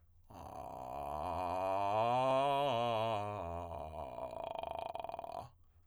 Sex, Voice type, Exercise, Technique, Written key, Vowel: male, tenor, scales, vocal fry, , a